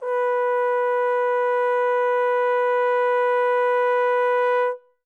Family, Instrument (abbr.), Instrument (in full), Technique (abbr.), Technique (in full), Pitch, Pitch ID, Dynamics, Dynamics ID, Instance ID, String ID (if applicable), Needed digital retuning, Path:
Brass, Tbn, Trombone, ord, ordinario, B4, 71, mf, 2, 0, , FALSE, Brass/Trombone/ordinario/Tbn-ord-B4-mf-N-N.wav